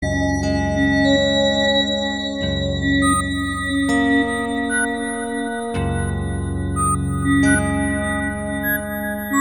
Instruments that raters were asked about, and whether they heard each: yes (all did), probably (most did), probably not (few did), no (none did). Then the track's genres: mallet percussion: probably not
Experimental; Ambient